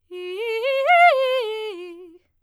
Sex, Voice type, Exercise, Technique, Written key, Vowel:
female, soprano, arpeggios, fast/articulated forte, F major, i